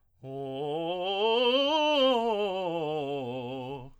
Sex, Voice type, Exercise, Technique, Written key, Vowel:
male, tenor, scales, fast/articulated piano, C major, o